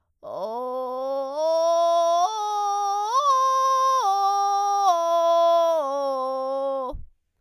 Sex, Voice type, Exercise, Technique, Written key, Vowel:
female, soprano, arpeggios, vocal fry, , o